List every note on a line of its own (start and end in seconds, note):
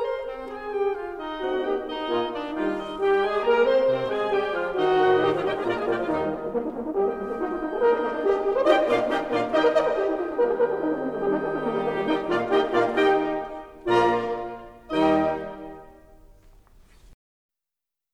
0.00 0.23 C5
0.00 0.24 C5
0.00 0.24 C6
0.24 0.46 C4
0.24 0.46 C5
0.46 0.78 G#4
0.46 0.78 G#5
0.78 0.98 G4
0.78 0.99 G4
0.78 0.99 G5
0.99 1.15 F4
0.99 1.15 F5
1.15 1.59 D#4
1.15 1.59 D#5
1.38 1.59 A3
1.38 1.59 C4
1.38 1.58 D#4
1.38 1.58 F#4
1.38 1.59 F#4
1.38 1.59 F#5
1.59 1.85 A#3
1.59 1.85 D#4
1.59 1.85 G4
1.59 1.85 D#5
1.59 1.85 G5
1.85 2.32 D#4
1.85 2.32 D#5
2.05 2.32 A#2
2.05 2.32 A#3
2.05 2.32 F4
2.05 2.32 G#5
2.32 2.57 D4
2.32 2.57 D5
2.57 2.76 D#3
2.57 2.76 G3
2.57 2.76 F4
2.57 2.76 G4
2.57 2.76 F5
2.57 2.76 G5
2.76 2.97 D#4
2.76 2.97 D#5
2.97 3.16 G3
2.97 3.16 G4
2.97 3.16 G5
3.16 3.41 G#3
3.16 3.41 G#4
3.16 3.41 G#5
3.41 3.68 A#3
3.41 3.68 A#4
3.41 3.68 A#5
3.68 3.88 C4
3.68 3.87 C5
3.68 3.88 C5
3.68 3.88 C6
3.88 4.08 C3
3.88 4.08 C4
3.88 4.08 C5
4.08 4.32 G#3
4.08 4.32 G#4
4.08 4.32 G#5
4.32 4.47 G3
4.32 4.47 G4
4.32 4.47 G5
4.47 4.68 F3
4.47 4.68 F4
4.47 4.68 F5
4.68 5.13 D#3
4.68 5.13 D#4
4.68 5.13 F#4
4.68 5.13 D#5
4.98 5.13 A2
4.98 5.13 D#3
4.98 5.13 G4
4.98 5.13 F#5
5.13 5.35 A#2
5.13 5.25 D#3
5.13 5.35 D#3
5.13 5.25 D#4
5.13 5.35 G4
5.13 5.25 D#5
5.13 5.35 G5
5.25 5.35 F3
5.25 5.35 F4
5.25 5.35 F5
5.35 5.61 A#2
5.35 5.50 G3
5.35 5.61 D#4
5.35 5.50 G4
5.35 5.61 G4
5.35 5.61 D#5
5.35 5.50 G5
5.35 5.61 G5
5.50 5.61 G#3
5.50 5.61 G#4
5.50 5.61 G#5
5.61 5.85 A#2
5.61 5.77 A#3
5.61 5.85 A#3
5.61 5.85 F4
5.61 5.77 A#4
5.61 5.85 D5
5.61 5.85 F5
5.61 5.77 A#5
5.77 5.85 G#3
5.77 5.85 G#4
5.77 5.85 G#5
5.85 6.05 A#2
5.85 5.92 G3
5.85 6.04 A#3
5.85 6.04 F4
5.85 5.92 G4
5.85 6.05 D5
5.85 6.05 F5
5.85 5.92 G5
5.92 6.05 F3
5.92 6.05 F4
5.92 6.05 F5
6.05 6.26 D#2
6.05 6.20 D#3
6.05 6.26 D#3
6.05 6.25 D#4
6.05 6.26 D#4
6.05 6.26 G4
6.05 6.26 D#5
6.20 6.25 G3
6.26 6.34 D#3
6.34 6.44 G3
6.44 6.58 A#3
6.44 6.71 A#3
6.58 6.71 D#4
6.71 6.84 A#3
6.84 6.93 D#4
6.94 7.02 G3
6.94 7.12 G4
6.94 7.76 D#5
6.94 7.76 G5
7.02 7.12 A#3
7.12 7.27 G3
7.27 7.35 A#3
7.35 7.45 D#4
7.35 7.57 D#4
7.47 7.57 G4
7.58 7.67 D#4
7.67 7.76 G4
7.76 7.85 A#3
7.76 8.00 A#4
7.76 8.65 D#5
7.76 8.65 G5
7.85 8.00 D#4
8.00 8.10 A#3
8.10 8.22 D#4
8.22 8.30 G4
8.22 8.38 G4
8.31 8.38 A#4
8.38 8.50 G4
8.50 8.65 A#4
8.65 8.81 D#3
8.65 8.81 D#4
8.65 8.81 G4
8.65 8.81 D#5
8.65 8.81 G5
8.81 9.08 A#2
8.81 9.07 A#3
8.81 9.08 D4
8.81 9.08 F4
8.81 9.08 D5
8.81 9.08 F5
9.08 9.32 D#3
9.08 9.32 D#4
9.08 9.32 G4
9.08 9.32 D#5
9.08 9.32 G5
9.32 9.61 A#2
9.32 9.61 A#3
9.32 9.61 D4
9.32 9.61 F4
9.32 9.61 D5
9.32 9.61 F5
9.61 9.91 D#3
9.61 9.90 D#4
9.61 9.91 D#4
9.61 9.91 G4
9.61 9.76 D#5
9.61 10.89 D#5
9.61 9.91 G5
9.61 10.89 G5
9.78 9.90 A#4
9.91 10.04 D#5
10.05 10.24 A#4
10.24 10.43 G4
10.24 10.58 G4
10.43 10.58 D#4
10.58 10.73 G4
10.73 10.88 D#4
10.89 12.18 D#3
10.89 12.18 G3
10.89 11.19 A#3
10.89 11.05 A#4
10.89 12.18 D#5
10.89 12.18 G5
11.06 11.19 G4
11.20 11.33 A#4
11.33 11.49 G4
11.49 11.67 D#4
11.49 11.87 D#4
11.67 11.87 A#3
11.87 12.03 D#4
12.04 12.18 A#3
12.18 13.51 D#3
12.18 12.48 F3
12.18 13.51 G3
12.18 13.51 D#4
12.18 12.33 G4
12.18 13.51 G4
12.18 13.51 D#5
12.18 13.51 G5
12.33 12.48 D#4
12.48 12.63 G4
12.63 12.81 D#4
12.81 12.97 A#3
12.81 13.14 A#3
12.98 13.14 G3
13.15 13.33 A#3
13.34 13.51 G3
13.51 13.93 D#3
13.51 13.93 G3
13.51 13.93 D#4
13.51 13.93 G4
13.51 13.93 D#5
13.51 13.93 G5
13.93 14.29 A#2
13.93 14.29 A#3
13.93 14.29 F4
13.93 14.29 D5
13.93 14.29 F5
14.29 14.62 D#3
14.29 14.61 D#4
14.29 14.62 D#4
14.29 14.61 G4
14.29 14.62 D#5
14.29 14.62 G5
14.62 15.03 A#2
14.62 15.03 A#3
14.62 15.03 F4
14.62 15.03 D5
14.62 15.03 F5
15.03 15.59 D#3
15.03 15.59 D#4
15.03 15.59 G4
15.03 15.59 D#5
15.03 15.59 G5
17.50 17.88 A#1
17.50 17.88 A#2
17.50 17.87 A#3
17.50 17.87 G4
17.50 17.88 D5
17.50 17.88 A#5